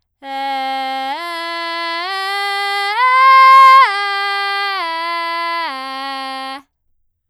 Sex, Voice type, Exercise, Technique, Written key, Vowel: female, soprano, arpeggios, belt, , e